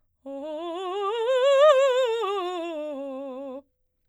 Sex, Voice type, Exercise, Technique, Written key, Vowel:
female, soprano, scales, fast/articulated piano, C major, o